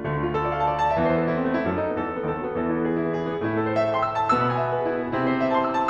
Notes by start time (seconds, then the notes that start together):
0.00 D2 D3 G3
0.14 D4
0.22 F4
0.37 A4
0.46 D5
0.55 F5
0.64 A5
0.72 F5
0.81 D5
0.91 E2 E3 A5
0.99 E5
1.07 C5
1.14 A4
1.22 E4
1.30 C4
1.37 A3
1.46 C4
1.54 E4
1.64 F#2 F#3 A4
1.76 D#4
1.85 B3
1.95 E2 E3 A4
2.05 E4
2.16 B3
2.25 D#2 D#3 A4
2.36 F#4
2.45 B3
2.55 E2 E3 A4
2.65 E4
2.75 B3
2.86 G#4
2.95 E4
3.04 B3
3.11 G#4
3.20 E4
3.34 B3
3.44 A2 A3 E4
3.53 A4
3.65 C5
3.75 E5
3.84 A5
3.96 C6
4.05 E6
4.18 C6
4.26 A5
4.33 B2 B3 E6
4.44 B5
4.52 G#5
4.61 E5
4.68 B4
4.76 G#4
4.84 E4
4.92 G#4
5.03 B4
5.11 C3 C4 E4
5.19 A4
5.28 C5
5.36 E5
5.45 A5
5.55 C6
5.62 E6
5.71 C6
5.79 A5